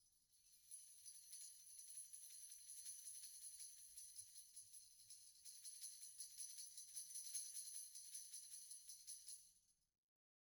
<region> pitch_keycenter=61 lokey=61 hikey=61 volume=41.133301 offset=74 lovel=0 hivel=65 ampeg_attack=0.004000 ampeg_release=1 sample=Idiophones/Struck Idiophones/Tambourine 1/Tamb1_Roll_v1_rr1_Mid.wav